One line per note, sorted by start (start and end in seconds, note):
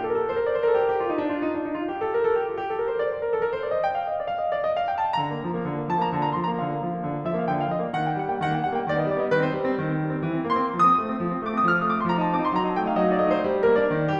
0.00 0.07 G4
0.07 0.13 A4
0.14 0.24 A#4
0.24 0.30 A4
0.33 0.44 C5
0.44 0.51 A#4
0.52 0.57 D5
0.58 0.63 C5
0.64 0.75 A#4
0.75 0.87 A4
0.87 0.96 G4
0.96 1.04 F4
1.04 1.15 G4
1.16 1.23 D#4
1.24 1.34 D4
1.34 1.42 F4
1.42 1.50 D#4
1.50 1.95 F4
1.95 2.04 G4
2.05 2.11 A4
2.12 2.26 A#4
2.26 2.41 A4
2.41 2.52 G4
2.52 2.59 F4
2.60 2.68 G4
2.69 2.81 A4
2.81 2.93 A#4
2.93 3.03 C5
3.04 3.15 D5
3.16 3.24 C5
3.24 3.34 A#4
3.34 3.44 A4
3.44 3.54 A#4
3.55 3.63 C5
3.63 3.74 D5
3.74 3.84 D#5
3.84 3.99 G5
4.01 4.09 F5
4.10 4.20 D#5
4.20 4.27 D5
4.27 4.42 F5
4.42 4.54 D#5
4.55 4.68 D5
4.68 4.79 D#5
4.79 4.88 F5
4.89 4.99 G5
5.04 5.17 A5
5.17 5.28 D3
5.17 5.89 A#5
5.28 5.42 A#3
5.43 5.53 F3
5.53 5.69 A#3
5.69 5.78 D3
5.78 5.89 A#3
5.89 5.98 F3
5.89 5.98 A5
5.99 6.12 A#3
5.99 6.12 A#5
6.12 6.23 D3
6.12 6.23 A5
6.23 6.37 A#3
6.23 6.37 A#5
6.37 6.48 F3
6.37 6.48 C6
6.48 6.57 A#3
6.48 6.57 A#5
6.58 6.69 D3
6.58 7.23 F5
6.69 6.80 A#3
6.80 6.93 F3
6.94 7.02 A#3
7.04 7.12 D3
7.12 7.23 A#3
7.23 7.33 F3
7.23 7.33 E5
7.33 7.44 A#3
7.33 7.44 F5
7.45 7.55 D3
7.45 7.55 G5
7.56 7.71 A#3
7.56 7.71 F5
7.71 7.84 F3
7.71 7.84 D#5
7.84 7.94 A#3
7.84 7.94 D5
7.95 8.06 D#3
7.95 8.06 F#5
8.07 8.17 A#3
8.07 8.17 G5
8.17 8.30 G3
8.17 8.30 F#5
8.30 8.41 A#3
8.30 8.41 G5
8.41 8.53 D#3
8.41 8.53 F#5
8.54 8.66 A#3
8.54 8.66 G5
8.66 8.77 G3
8.66 8.77 F#5
8.77 8.87 A#3
8.77 8.87 G5
8.87 8.95 D#3
8.87 8.95 D5
8.96 9.06 B3
8.96 9.06 D#5
9.07 9.20 G3
9.07 9.20 D5
9.20 9.31 B3
9.20 9.31 D#5
9.31 9.43 D#3
9.31 9.43 B4
9.46 9.57 C4
9.46 9.57 C5
9.58 9.69 G3
9.58 9.69 B4
9.69 9.78 C4
9.69 9.78 C5
9.78 9.87 D#3
9.87 9.98 C4
10.00 10.10 G3
10.10 10.21 C4
10.21 10.30 E3
10.30 10.41 C4
10.43 10.55 A#3
10.43 10.72 C6
10.57 10.72 C4
10.72 10.82 D3
10.72 11.39 D#6
10.82 10.95 C4
10.96 11.08 A3
11.09 11.20 C4
11.20 11.30 D3
11.30 11.39 C4
11.39 11.49 A3
11.39 11.49 D6
11.51 11.58 C4
11.51 11.58 D#6
11.58 11.69 D3
11.58 11.69 F6
11.69 11.80 C4
11.69 11.80 D#6
11.80 11.90 A3
11.80 11.90 D6
11.91 12.03 C4
11.91 12.03 C6
12.05 12.16 F3
12.05 12.16 A#5
12.16 12.26 D#4
12.16 12.26 A5
12.26 12.36 C4
12.26 12.36 D6
12.36 12.49 D#4
12.36 12.49 C6
12.50 12.62 F3
12.50 12.62 A#5
12.62 12.74 D#4
12.62 12.74 A5
12.74 12.84 A3
12.74 12.84 G5
12.84 12.97 D#4
12.84 12.97 F5
12.98 13.08 F#3
12.98 13.08 D#5
13.10 13.27 D#4
13.10 13.27 D5
13.27 13.37 A3
13.27 13.37 D#5
13.37 13.49 D#4
13.37 13.62 C5
13.53 13.62 G3
13.63 13.76 D4
13.63 13.76 A#4
13.76 13.87 A#3
13.76 14.09 D5
13.87 13.98 D4
13.98 14.09 D#3
14.11 14.20 C4
14.11 14.20 G4